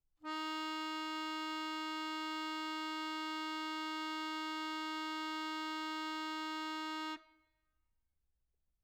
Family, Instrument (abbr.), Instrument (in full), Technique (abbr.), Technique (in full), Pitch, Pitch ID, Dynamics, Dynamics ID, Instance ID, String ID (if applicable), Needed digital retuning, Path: Keyboards, Acc, Accordion, ord, ordinario, D#4, 63, mf, 2, 1, , FALSE, Keyboards/Accordion/ordinario/Acc-ord-D#4-mf-alt1-N.wav